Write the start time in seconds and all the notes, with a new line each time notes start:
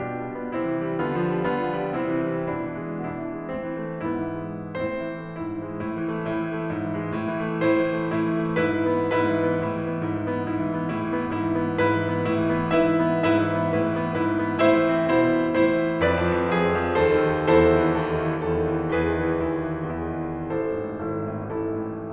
0.00 B2 D4 F4 G4
0.13 G3
0.27 B3
0.50 C3 C4 E4
0.60 E3
0.80 G3
1.01 D3 B3 F4
1.20 F3
1.35 G3
1.57 D3 B3 F4
1.71 F3
1.85 G3
1.97 C3 C4 E4
2.17 E3
2.44 G3
2.57 B2 D4 E4
2.71 E3
2.86 G#3
3.00 B2 D4 E4
3.13 E3
3.31 G#3
3.48 A2 C4
3.62 E3
3.81 A3
4.17 G#2 B3 E4
4.33 E3
4.68 G#3
4.83 A2 C4 E4 C5
5.04 E3
5.21 A3
5.36 G#2 E4
5.57 E3
5.69 G#3
5.82 A2 E4
5.96 E3
6.21 A3
6.33 A2 E4
6.44 E3
6.59 A3
6.72 G#2 E4
6.85 E3
7.01 G#3
7.21 A2 E4
7.34 E3
7.48 A3
7.63 A2 E4 C5
7.80 E3
8.03 A3
8.22 A2 E4
8.32 E3
8.45 A3
8.60 G#2 E4 B4
8.78 E3
9.03 B3
9.16 G#2 E4 B4
9.35 E3
9.51 B3
9.71 A2 E4
9.85 E3
9.95 B3
10.09 G#2 E4
10.23 E3
10.39 B3
10.51 G#2 E4
10.62 E3
10.79 B3
10.90 A2 E4
11.10 E3
11.22 B3
11.33 G#2 E4
11.45 E3
11.56 B3
11.84 G#2 E4 B4
12.00 E3
12.12 B3
12.25 A2 E4
12.39 E3
12.56 B3
12.75 G#2 E4 E5
12.90 E3
13.10 B3
13.27 G#2 E4 B4 E5
13.43 E3
13.58 B3
13.72 A2 E4 B4
13.85 E3
14.02 B3
14.18 G#2 E4 B4
14.32 E3
14.49 B3
14.63 A2 E4 C5 E5
14.83 E3
14.94 C4
15.15 B2 E4 C5
15.33 E3
15.45 C4
15.57 A2 E4 C5
15.73 E3
15.91 C4
16.03 F2 B4 D5
16.15 F3
16.31 F2
16.57 F3 G#4
16.73 F2
16.85 F3
17.00 D#2 A4 C5
17.19 D#3
17.35 D#2
17.48 E2 E4 A4 C5
17.60 D#3
17.71 E3
17.83 D#2 E4 A4
17.96 D#3
18.11 E3
18.31 E2 E4 A4
18.49 D#3
18.69 E3
18.94 E2 E4 G#4 B4
19.05 D#3
19.19 E3
19.37 D#2 E4 G#4
19.61 D#3
19.75 E3
19.93 E2 E4 G#4
20.24 D#3
20.38 E3
20.55 A1 E4 A4 C5
20.75 G#2
20.91 A2
21.15 G#1 E4 A4
21.30 G#2
21.54 A2
21.71 A1 E4 A4
21.85 G#2
22.01 A2